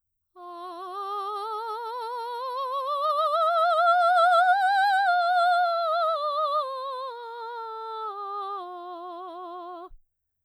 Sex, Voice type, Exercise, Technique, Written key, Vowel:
female, soprano, scales, slow/legato piano, F major, a